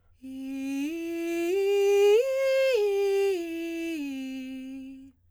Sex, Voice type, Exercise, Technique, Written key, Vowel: female, soprano, arpeggios, breathy, , i